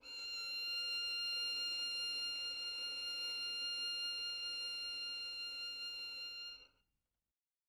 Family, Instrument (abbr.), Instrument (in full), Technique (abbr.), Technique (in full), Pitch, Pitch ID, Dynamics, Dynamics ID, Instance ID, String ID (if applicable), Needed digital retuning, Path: Strings, Vn, Violin, ord, ordinario, F6, 89, mf, 2, 1, 2, TRUE, Strings/Violin/ordinario/Vn-ord-F6-mf-2c-T17d.wav